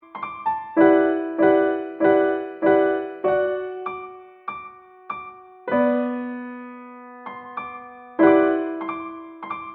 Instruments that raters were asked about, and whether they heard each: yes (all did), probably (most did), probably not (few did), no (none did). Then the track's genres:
bass: no
guitar: probably not
piano: yes
drums: no
Hip-Hop; Rap; Hip-Hop Beats